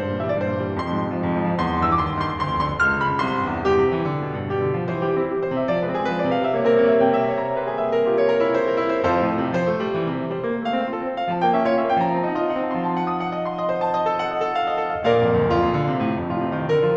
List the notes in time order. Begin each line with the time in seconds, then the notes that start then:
0.00 G2 C5
0.12 A#2
0.22 E3 E5
0.31 G3 D5
0.39 G2 C5
0.50 A#2
0.60 E3
0.71 G3
0.81 F2 C6
0.92 G#2
1.02 C3
1.10 F3
1.18 F2
1.28 G#2
1.42 F3
1.58 E2 C6
1.74 G2
1.81 E6
1.88 E3 D6
1.99 D#2 C6
2.12 G2
2.18 C6
2.25 D#3
2.36 D2 C6
2.48 F2
2.55 C6
2.64 D3
2.82 C#2 F6
2.96 F2
3.03 B5
3.10 C#3
3.20 C2 C3 C6
3.37 G2
3.49 E2
3.65 G2 G4
3.81 C3
3.94 E3
4.09 D3
4.21 B2
4.35 G2
4.47 B2 G4
4.62 D3
4.82 F3
4.96 E3 C5
5.06 G3 G4
5.20 C4 E4
5.33 G3 G4
5.42 E3 C5
5.54 C3 E5
5.67 F3 D5
5.82 G#3 B4
5.97 C4 G#4
6.07 G#3 B4
6.20 F3 D5
6.32 C3 F5
6.44 G3 E5
6.56 A#3 C#5
6.69 C4 A#4
6.77 A#3 C#5
6.88 G3 E5
7.00 C3 G5
7.09 A#5
7.20 E5
7.27 E5 C#6
7.40 C#5
7.48 A#5
7.55 C#5
7.69 A#4
7.81 E5
7.94 A#4
8.06 E4
8.17 C#5
8.30 A#4
8.43 E4
8.53 C5
8.65 A#4
8.78 E4
8.92 C5
9.04 F2 F3 F4 A4 C5
9.20 C3
9.31 A2
9.45 C3 C5
9.57 F3
9.68 A3
9.80 G3
9.94 E3
10.07 C3
10.21 E3 C5
10.32 G3
10.41 A#3
10.54 A3 F5
10.69 C4 C5
10.83 F4 A4
11.04 C4 C5
11.18 A3 F5
11.32 F3 A5
11.44 A#3 G5
11.55 C#4 E5
11.66 F4 C#5
11.75 C#4 E5
11.87 A#3 G5
11.99 F3 A#5
12.12 C4 A5
12.21 D#4 F#5
12.35 F4 D#5
12.47 D#4 F#5
12.62 C4 A5
12.74 F3 C6
12.85 A5
12.96 F#5
13.10 D#6
13.20 F#5
13.33 D#5
13.42 C6
13.55 D#5
13.68 C5
13.82 A5
13.94 D#5
14.05 A4
14.19 F#5
14.32 D#5
14.37 A4
14.51 F5
14.64 D#5
14.78 A4
14.87 F5
15.05 A#1 A#2 A#4 D5 F5
15.21 F2
15.36 D2
15.48 F2 F4
15.59 A#2
15.74 D3
15.91 C3
16.06 A2
16.21 F2
16.35 A2 F4
16.45 C3
16.59 D#3
16.72 D3 A#4
16.85 F3 F4